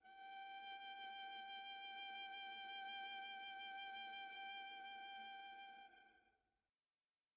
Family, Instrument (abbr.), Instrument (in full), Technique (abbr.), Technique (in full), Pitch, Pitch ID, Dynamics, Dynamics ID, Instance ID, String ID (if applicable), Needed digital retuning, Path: Strings, Va, Viola, ord, ordinario, G5, 79, pp, 0, 2, 3, TRUE, Strings/Viola/ordinario/Va-ord-G5-pp-3c-T15u.wav